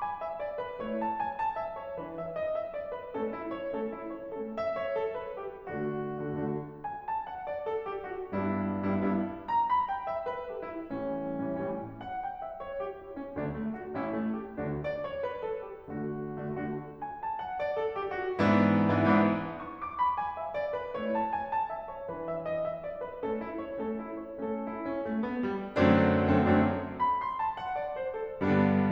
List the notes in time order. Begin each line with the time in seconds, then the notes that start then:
0.00 G#5
0.20 E5
0.38 D5
0.58 B4
0.80 A3 E4 C#5
0.99 A5
1.16 G#5
1.35 A5
1.57 E5
1.80 C#5
1.92 E3 D4 B4
2.11 E5
2.30 D#5
2.48 E5
2.72 D5
2.90 B4
3.13 A3 C#4 A4
3.33 E4
3.52 C#5
3.72 A3 C#4 A4
3.91 E4
4.12 C#5
4.34 A3 C#4 A4
4.53 E5
4.76 C#5
4.93 A4
5.12 B4
5.38 G4
5.69 D3 A3 D4 F#4
6.23 D3 A3 D4 F#4
6.36 D3 A3 D4 F#4
6.90 G#5
7.02 A5
7.27 F#5
7.48 D5
7.67 A4
7.86 G4
8.06 F#4
8.31 G2 G3 B3 D4 E4
8.86 G2 G3 B3 D4 E4
9.02 G2 G3 B3 D4 E4
9.49 A#5
9.66 B5
9.87 G5
10.05 E5
10.26 B4
10.51 G4
10.69 E4
10.91 A2 E3 G3 C#4
11.44 A2 E3 G3 C#4
11.61 A2 E3 G3 C#4
12.03 F#5
12.20 G5
12.40 E5
12.63 C#5
12.82 G4
12.98 E4
13.19 C#4
13.36 D2 D3 D4
13.54 A3
13.73 F#4
13.94 A1 A2 C#4 E4
14.18 A3
14.37 G4
14.56 D2 D3 D4 F#4
14.81 D5
15.01 C#5
15.23 B4
15.43 A4
15.60 G4
15.91 D3 A3 D4 F#4
16.40 D3 A3 D4 F#4
16.59 D3 A3 D4 F#4
17.03 G#5
17.17 A5
17.38 F#5
17.58 D5
17.79 A4
17.97 G4
18.19 F#4
18.40 G#2 E3 B3 D4 E4
18.89 G#2 E3 B3 D4 E4
19.06 G#2 E3 B3 D4 E4
19.56 C#6
19.71 D6
19.97 B5
20.18 G#5
20.36 E5
20.56 D5
20.76 B4
20.98 A3 E4 C#5
21.15 A5
21.32 G#5
21.51 A5
21.70 E5
21.91 C#5
22.11 E3 D4 B4
22.31 E5
22.50 D#5
22.66 E5
22.83 D5
23.02 B4
23.23 A3 C#4 A4
23.43 E4
23.63 C#5
23.80 A3 C#4 A4
23.99 E4
24.17 C#5
24.39 A3 C#4 A4
24.67 E4
24.86 C#4
25.05 A3
25.29 B3
25.47 G3
25.70 F#2 D3 F#3 A3 C4 D4
26.22 F#2 D3 F#3 A3 C4 D4
26.39 F#2 D3 F#3 A3 C4 D4
26.98 B5
27.18 C6
27.40 A5
27.57 F#5
27.76 D5
27.98 C5
28.19 A4
28.40 G2 D3 G3 B3 D4